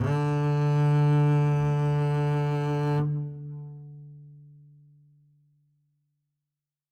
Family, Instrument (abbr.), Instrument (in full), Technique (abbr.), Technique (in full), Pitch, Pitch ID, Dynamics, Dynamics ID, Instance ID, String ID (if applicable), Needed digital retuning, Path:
Strings, Cb, Contrabass, ord, ordinario, D3, 50, ff, 4, 2, 3, FALSE, Strings/Contrabass/ordinario/Cb-ord-D3-ff-3c-N.wav